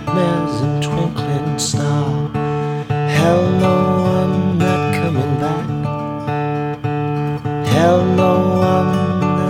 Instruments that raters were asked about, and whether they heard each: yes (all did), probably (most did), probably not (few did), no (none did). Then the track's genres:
guitar: yes
synthesizer: no
Singer-Songwriter